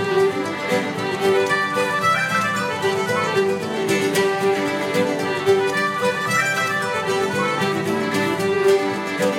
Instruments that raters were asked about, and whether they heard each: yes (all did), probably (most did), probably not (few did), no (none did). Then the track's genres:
violin: yes
banjo: yes
organ: no
accordion: probably not
mandolin: probably
Celtic